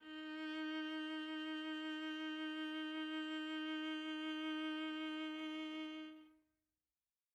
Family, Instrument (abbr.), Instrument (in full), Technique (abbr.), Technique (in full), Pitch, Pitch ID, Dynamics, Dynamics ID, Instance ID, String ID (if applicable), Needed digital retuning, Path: Strings, Va, Viola, ord, ordinario, D#4, 63, mf, 2, 1, 2, FALSE, Strings/Viola/ordinario/Va-ord-D#4-mf-2c-N.wav